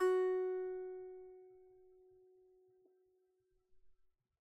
<region> pitch_keycenter=66 lokey=66 hikey=66 volume=2.642854 lovel=0 hivel=65 ampeg_attack=0.004000 ampeg_release=15.000000 sample=Chordophones/Composite Chordophones/Strumstick/Finger/Strumstick_Finger_Str3_Main_F#3_vl1_rr1.wav